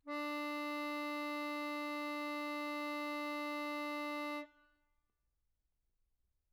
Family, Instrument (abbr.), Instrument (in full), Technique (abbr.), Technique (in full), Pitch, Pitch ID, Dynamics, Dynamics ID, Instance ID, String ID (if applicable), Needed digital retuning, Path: Keyboards, Acc, Accordion, ord, ordinario, D4, 62, mf, 2, 2, , FALSE, Keyboards/Accordion/ordinario/Acc-ord-D4-mf-alt2-N.wav